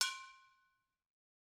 <region> pitch_keycenter=66 lokey=66 hikey=66 volume=4.485669 offset=257 lovel=100 hivel=127 ampeg_attack=0.004000 ampeg_release=10.000000 sample=Idiophones/Struck Idiophones/Brake Drum/BrakeDrum2_Hammer3_v3_rr1_Mid.wav